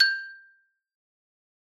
<region> pitch_keycenter=79 lokey=76 hikey=81 volume=1.039045 lovel=84 hivel=127 ampeg_attack=0.004000 ampeg_release=15.000000 sample=Idiophones/Struck Idiophones/Xylophone/Medium Mallets/Xylo_Medium_G5_ff_01_far.wav